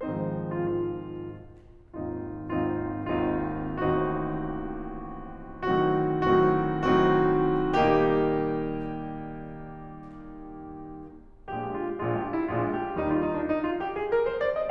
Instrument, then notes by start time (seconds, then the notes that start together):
piano
0.00 G#2 D#3 F3 G#3 C4 D#4 C5
0.50 F4
0.62 F4
1.95 G#1 D#2 C4 D#4 F4
2.53 G#1 D#2 C4 D#4 F4
3.11 G#1 D#2 C4 D#4 F4
3.78 A1 D#2 C4 D#4 F#4
5.94 A2 D#3 F#3 C4 D#4 F#4
6.69 A2 D#3 F#3 C4 D#4 F#4
7.42 A2 D#3 F#3 C4 D#4 F#4
8.29 A#2 D#3 G3 A#3 D#4 G4
11.48 A#1 A#2 G#3 D4 G4
11.74 F4
12.00 A#1 A#2 G#3 D4 F4
12.14 G4
12.27 F4
12.40 E4
12.52 A#1 A#2 G#3 D4 F4
12.81 G4
12.99 D#2 D#3 G3 D#4
13.11 F4
13.20 D#4
13.32 D4
13.48 D#4
13.65 F4
13.79 G4
13.97 G#4
14.12 A#4
14.23 C5
14.42 D5
14.56 D#5